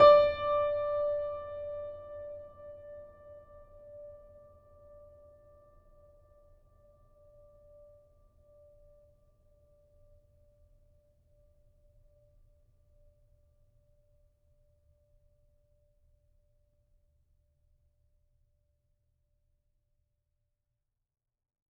<region> pitch_keycenter=74 lokey=74 hikey=75 volume=0.203961 lovel=66 hivel=99 locc64=65 hicc64=127 ampeg_attack=0.004000 ampeg_release=0.400000 sample=Chordophones/Zithers/Grand Piano, Steinway B/Sus/Piano_Sus_Close_D5_vl3_rr1.wav